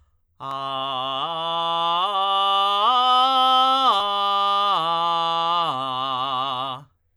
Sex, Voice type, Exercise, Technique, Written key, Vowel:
male, tenor, arpeggios, belt, , a